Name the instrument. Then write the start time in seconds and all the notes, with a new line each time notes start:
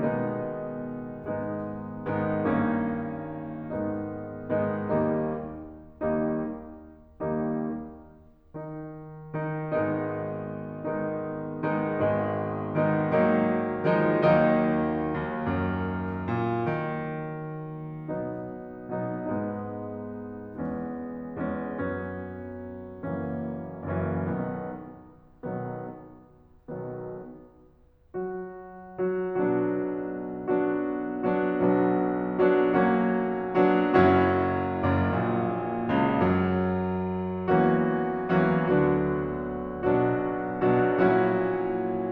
piano
0.00 B2 D#3 G#3 B3 D#4
0.89 G#2 D#3 G#3 B3 D#4
1.51 G#2 D#3 G#3 B3 D#4
2.23 G2 D#3 A#3 C#4 D#4
3.69 G#2 D#3 G#3 B3 D#4
4.46 G#2 D#3 G#3 B3 D#4
4.70 D#2 D#3 G3 A#3 D#4
5.57 D#2 D#3 G3 A#3 D#4
7.22 D#2 D#3 G3 A#3 D#4
8.07 D#3 D#4
9.40 D#3 D#4
9.75 G#1 G#2 D#3 G#3 B3 D#4
10.86 D#3 G#3 B3 D#4
11.61 D#3 G#3 B3 D#4
11.97 G#1 D#3 G#3 B3 D#4
12.79 D#3 G#3 B3 D#4
13.15 D#3 F#3 A#3 D#4
13.89 D#3 F3 G#3 D#4
14.26 D#2 D#3 F#3 A#3 D#4
15.21 D#2
15.51 F#2
16.30 A#2
16.87 D#3
18.09 B2 F#3 B3 D#4
19.16 B2 F#3 B3 D#4
19.39 G#2 G#3 B3 D#4
20.47 E2 G#3 B3 C#4
21.44 E2 G#3 B3 C#4
21.72 F#2 F#3 B3 C#4
23.06 F#1 F#2 E3 F#3 A#3 C#4
24.04 F#1 F#2 E3 F#3 A#3 C#4
24.24 B1 B2 D#3 B3
25.09 B1 B2 D#3 B3
26.70 B1 B2 D#3 B3
28.15 F#3 F#4
29.09 F#3 F#4
29.42 B1 B2 F#3 B3 D4 F#4
30.50 F#3 B3 D4 F#4
31.35 F#3 B3 D4 F#4
31.53 B1 F#3 B3 D4 F#4
32.37 F#3 B3 D4 F#4
32.59 F#3 A#3 C#4 F#4
33.51 F#3 B3 D4 F#4
33.70 F#1 F#2 F#3 C#4 E4 F#4
34.78 F#1 F#2
35.14 A#1 A#2
36.03 C#2 C#3
36.37 F#2 F#3
37.44 E2 E3 F#3 A#3 C#4 F#4
38.49 E2 E3 F#3 A#3 C#4 F#4
38.73 D2 D3 F#3 B3 D4 F#4
39.85 B1 B2 F#3 B3 D4 F#4
40.73 B1 B2 F#3 B3 D4 F#4
41.03 A#1 A#2 F#3 C#4 E4 F#4